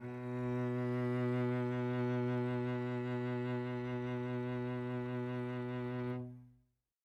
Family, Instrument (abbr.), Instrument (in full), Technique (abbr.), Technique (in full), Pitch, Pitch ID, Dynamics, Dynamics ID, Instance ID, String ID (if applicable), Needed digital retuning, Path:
Strings, Vc, Cello, ord, ordinario, B2, 47, mf, 2, 3, 4, TRUE, Strings/Violoncello/ordinario/Vc-ord-B2-mf-4c-T20u.wav